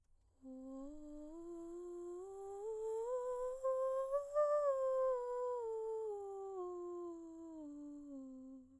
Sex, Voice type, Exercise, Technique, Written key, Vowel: female, soprano, scales, breathy, , u